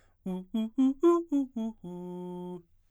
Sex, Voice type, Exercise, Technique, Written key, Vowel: male, baritone, arpeggios, fast/articulated forte, F major, u